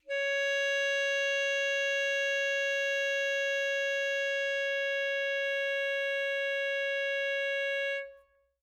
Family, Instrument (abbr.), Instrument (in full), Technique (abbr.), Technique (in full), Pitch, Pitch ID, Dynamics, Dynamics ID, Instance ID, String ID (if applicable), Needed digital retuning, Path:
Winds, ASax, Alto Saxophone, ord, ordinario, C#5, 73, mf, 2, 0, , FALSE, Winds/Sax_Alto/ordinario/ASax-ord-C#5-mf-N-N.wav